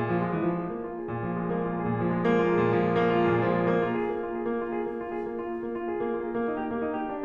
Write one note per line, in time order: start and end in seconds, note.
0.00 0.12 A#2
0.12 0.22 F3
0.23 0.35 G#3
0.35 0.45 E3
0.46 0.62 F3
0.62 0.73 G#3
0.73 0.87 A#3
0.87 0.98 F4
0.98 1.10 G#4
1.11 1.30 A#2
1.30 1.42 F3
1.43 1.52 G#3
1.52 1.65 A#3
1.65 1.75 F4
1.75 1.87 G#4
1.87 2.03 A#2
2.05 2.17 F3
2.17 2.28 G#3
2.29 2.41 A#3
2.41 2.58 F4
2.58 2.69 G#4
2.69 2.81 A#2
2.81 2.94 F3
2.95 3.05 G#3
3.05 3.15 A#3
3.16 3.26 F4
3.26 3.39 G#4
3.39 3.49 A#2
3.49 3.62 F3
3.62 3.75 G#3
3.76 3.87 A#3
3.87 3.99 F4
4.01 4.11 G#4
4.11 4.23 A#3
4.23 4.33 F4
4.33 4.45 G#4
4.45 4.61 A#3
4.62 4.74 F4
4.74 4.85 G#4
4.86 5.00 A#3
5.00 5.11 F4
5.11 5.25 G#4
5.25 5.39 A#3
5.39 5.50 F4
5.51 5.62 G#4
5.62 5.72 A#3
5.74 5.90 F4
5.90 6.04 G#4
6.04 6.11 A#3
6.11 6.19 F4
6.19 6.29 G#4
6.32 6.46 A#3
6.46 6.56 D#4
6.58 6.69 G4
6.69 6.83 A#3
6.83 6.98 D#4
6.98 7.13 G#4
7.13 7.26 D4